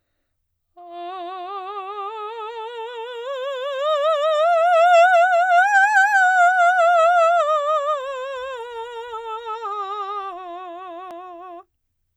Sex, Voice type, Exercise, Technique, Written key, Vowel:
female, soprano, scales, slow/legato piano, F major, a